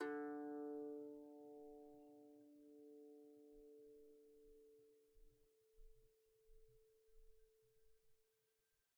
<region> pitch_keycenter=50 lokey=48 hikey=51 volume=17.611592 lovel=0 hivel=65 ampeg_attack=0.004000 ampeg_release=15.000000 sample=Chordophones/Composite Chordophones/Strumstick/Finger/Strumstick_Finger_Str1_Main_D2_vl1_rr1.wav